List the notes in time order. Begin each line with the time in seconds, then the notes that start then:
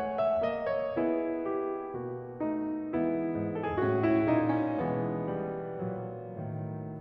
0.01 A3 F#5
0.23 E5
0.45 A#3 D#5
0.70 C#5
0.90 B3 E4 G#4 B4
1.48 G4
1.92 B2 A#3 F#4
2.40 A3 D#4
2.93 E3 G#3 B3 E4 B4
3.35 G#2
3.56 A4
3.70 G#4
3.83 A2 F#4
4.03 E4
4.29 A#2 D#4
4.51 C#4
4.78 B2 E3 G#3 B3
5.35 G3
5.82 B1 A#2 F#3
6.36 A2 D#3